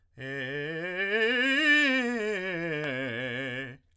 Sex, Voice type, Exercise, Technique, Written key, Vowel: male, tenor, scales, fast/articulated piano, C major, e